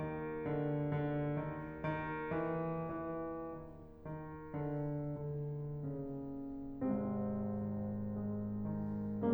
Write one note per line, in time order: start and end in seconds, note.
0.00 0.44 D#3
0.46 0.88 D3
0.92 1.39 D3
1.42 1.85 D#3
1.86 2.31 D#3
2.36 2.93 E3
2.94 3.37 E3
3.38 4.10 D#3
4.12 4.56 D#3
4.59 5.04 D3
5.05 5.82 D3
5.84 6.77 C#3
6.79 9.33 G#1
6.79 9.33 G#2
6.79 7.34 C3
6.79 7.34 G#3
6.79 9.33 C4
7.35 8.00 D#3
8.08 8.46 G#3
8.50 9.33 D#3